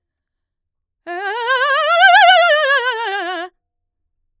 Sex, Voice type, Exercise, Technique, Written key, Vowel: female, mezzo-soprano, scales, fast/articulated forte, F major, e